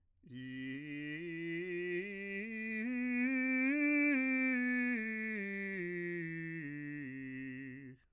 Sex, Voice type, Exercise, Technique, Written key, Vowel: male, bass, scales, slow/legato piano, C major, i